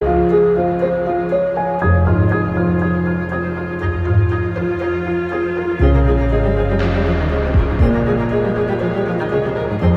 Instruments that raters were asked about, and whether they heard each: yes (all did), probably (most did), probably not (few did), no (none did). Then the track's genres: cello: probably not
Soundtrack